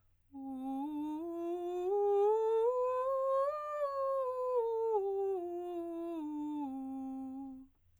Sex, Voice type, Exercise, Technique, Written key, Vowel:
female, soprano, scales, straight tone, , u